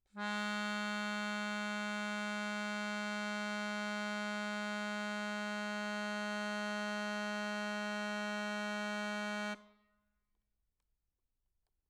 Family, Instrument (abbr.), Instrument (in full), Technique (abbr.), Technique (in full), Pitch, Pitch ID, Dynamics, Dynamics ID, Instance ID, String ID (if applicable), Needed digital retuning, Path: Keyboards, Acc, Accordion, ord, ordinario, G#3, 56, mf, 2, 3, , FALSE, Keyboards/Accordion/ordinario/Acc-ord-G#3-mf-alt3-N.wav